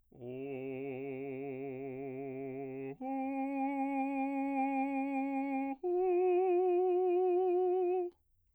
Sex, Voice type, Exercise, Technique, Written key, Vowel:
male, bass, long tones, full voice pianissimo, , o